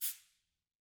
<region> pitch_keycenter=61 lokey=61 hikey=61 volume=10.851271 offset=176 lovel=84 hivel=127 seq_position=1 seq_length=2 ampeg_attack=0.004000 ampeg_release=10.000000 sample=Idiophones/Struck Idiophones/Cabasa/Cabasa1_Rub_v2_rr1_Mid.wav